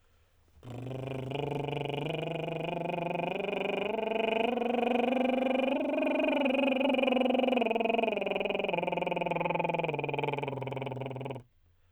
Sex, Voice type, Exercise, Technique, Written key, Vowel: male, tenor, scales, lip trill, , a